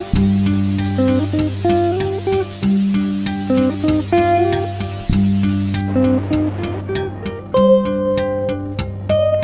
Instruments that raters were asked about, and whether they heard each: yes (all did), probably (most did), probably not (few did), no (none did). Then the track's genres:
ukulele: no
mandolin: no
Rock; Noise; Experimental